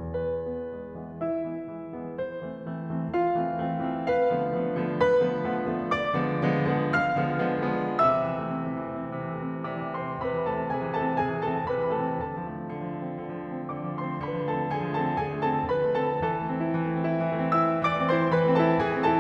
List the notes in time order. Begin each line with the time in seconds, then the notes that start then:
0.00 E2 B4
0.37 E3 G#3 B3
0.64 E3 G#3 B3
0.95 E3 G#3 B3
1.20 E4 E5
1.44 E3 G#3 B3
1.71 E3 G#3 B3
1.92 E3 G#3 B3
2.11 C5
2.46 E3 A3 C4
2.73 E3 A3 C4
2.96 E3 A3 C4
3.16 F4 F5
3.34 E3 A3 C4
3.60 E3 A3 C4
3.83 E3 A3 C4
4.08 B4
4.30 D3 F3 A3 B3
4.55 D3 F3 A3 B3
4.75 D3 F3 A3 B3
4.99 B4 B5
5.25 D3 F3 A3 B3
5.46 D3 F3 A3 B3
5.71 D3 F3 A3 B3
5.93 D5 D6
6.16 D3 F3 G#3 B3
6.37 D3 F3 G#3 B3
6.62 D3 F3 G#3 B3
6.88 F5 F6
7.16 D3 F3 G#3 B3
7.38 D3 F3 G#3 B3
7.64 D3 F3 G#3 B3
7.95 C3 E5 E6
8.08 E3
8.41 A3
8.51 C4
8.61 C3
8.73 E3
8.86 A3
8.99 C4
9.11 C3
9.24 E3
9.37 A3
9.51 C4
9.64 C3 D5 D6
9.79 E3
9.96 A3 C5 C6
10.09 C4
10.22 C3 B4 B5
10.32 E3
10.48 A3 A4 A5
10.61 C4
10.73 C3 G#4 G#5
10.86 E3
10.95 A3 A4 A5
11.05 C4
11.19 C3 G#4 G#5
11.33 E3
11.42 A3 A4 A5
11.53 C4
11.73 C3 B4 B5
11.83 E3
11.95 A3 A4 A5
12.11 C4
12.24 D3 A4 A5
12.35 F3
12.48 A3
12.62 C4
12.72 D3
12.84 F3
12.95 A3
13.05 C4
13.18 D3
13.33 F3
13.43 A3
13.60 C4
13.73 D3 D5 D6
13.86 F3
14.00 A3 C5 C6
14.11 C4
14.25 D3 B4 B5
14.36 F3
14.48 A3 A4 A5
14.57 C4
14.70 D3 G#4 G#5
14.86 F3
15.01 A3 A4 A5
15.12 C4
15.26 D3 G#4 G#5
15.36 F3
15.48 A3 A4 A5
15.60 C4
15.73 D3 B4 B5
15.85 F3
15.94 A3 A4 A5
16.07 C4
16.18 E3 A4 A5
16.34 A3
16.49 C4
16.59 E4
16.70 E3
16.83 A3
16.94 C4
17.07 E4
17.21 E3
17.33 A3
17.44 C4 E5 E6
17.58 E4
17.76 E3 D5 D6
17.90 A3
18.01 C4 C5 C6
18.12 E4
18.27 E3 B4 B5
18.46 A3
18.56 C4 A4 A5
18.66 E4
18.76 E3 G#4 G#5
18.88 A3
18.99 C4 A4 A5
19.10 E4